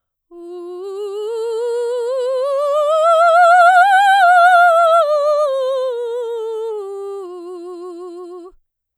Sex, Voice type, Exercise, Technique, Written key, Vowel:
female, soprano, scales, slow/legato forte, F major, u